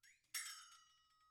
<region> pitch_keycenter=65 lokey=65 hikey=65 volume=20.000000 offset=1372 ampeg_attack=0.004000 ampeg_release=1.000000 sample=Idiophones/Struck Idiophones/Flexatone/flexatone_slap2.wav